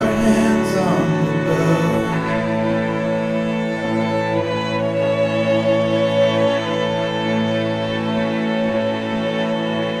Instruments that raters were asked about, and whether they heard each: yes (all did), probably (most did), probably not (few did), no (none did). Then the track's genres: violin: probably
cello: yes
Folk